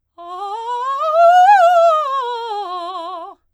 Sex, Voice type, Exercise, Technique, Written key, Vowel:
female, soprano, scales, fast/articulated forte, F major, a